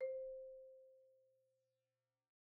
<region> pitch_keycenter=72 lokey=69 hikey=75 volume=24.361622 offset=87 xfin_lovel=0 xfin_hivel=83 xfout_lovel=84 xfout_hivel=127 ampeg_attack=0.004000 ampeg_release=15.000000 sample=Idiophones/Struck Idiophones/Marimba/Marimba_hit_Outrigger_C4_med_01.wav